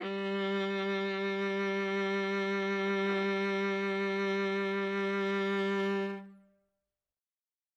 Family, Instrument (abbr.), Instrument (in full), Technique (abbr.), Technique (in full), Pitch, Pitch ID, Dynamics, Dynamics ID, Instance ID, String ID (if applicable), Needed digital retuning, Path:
Strings, Va, Viola, ord, ordinario, G3, 55, ff, 4, 3, 4, TRUE, Strings/Viola/ordinario/Va-ord-G3-ff-4c-T22u.wav